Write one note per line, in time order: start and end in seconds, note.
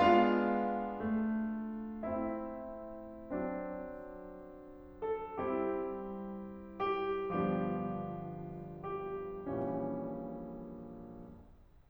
0.01 1.17 G#3
0.01 2.25 B3
0.01 2.25 D4
0.01 2.25 F4
0.01 2.25 F5
1.18 3.22 A3
2.26 3.22 C4
2.26 3.22 E4
2.26 3.22 E5
3.23 5.39 F#3
3.23 5.39 C4
3.23 5.39 D4
5.03 5.39 A4
5.40 7.35 G3
5.40 7.35 C4
5.40 7.35 E4
5.40 6.84 G4
6.95 7.35 G4
7.39 9.36 G1
7.39 9.36 G2
7.39 9.36 F3
7.39 9.36 B3
7.39 9.36 D4
7.39 8.82 G4
9.14 9.36 G4
9.38 10.90 A#1
9.38 10.90 A#2
9.38 10.90 E3
9.38 10.90 G3
9.38 10.90 C#4